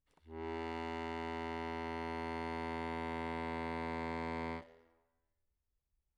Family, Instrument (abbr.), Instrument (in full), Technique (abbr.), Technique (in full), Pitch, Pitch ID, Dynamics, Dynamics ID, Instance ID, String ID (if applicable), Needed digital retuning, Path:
Keyboards, Acc, Accordion, ord, ordinario, E2, 40, mf, 2, 3, , FALSE, Keyboards/Accordion/ordinario/Acc-ord-E2-mf-alt3-N.wav